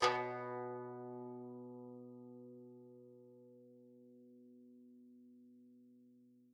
<region> pitch_keycenter=47 lokey=47 hikey=48 volume=8.726367 offset=36 lovel=66 hivel=99 ampeg_attack=0.004000 ampeg_release=0.300000 sample=Chordophones/Zithers/Dan Tranh/Normal/B1_f_1.wav